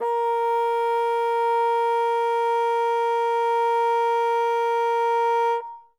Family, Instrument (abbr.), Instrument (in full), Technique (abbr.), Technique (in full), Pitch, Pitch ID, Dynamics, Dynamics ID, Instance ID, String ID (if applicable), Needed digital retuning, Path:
Winds, Bn, Bassoon, ord, ordinario, A#4, 70, ff, 4, 0, , TRUE, Winds/Bassoon/ordinario/Bn-ord-A#4-ff-N-T11u.wav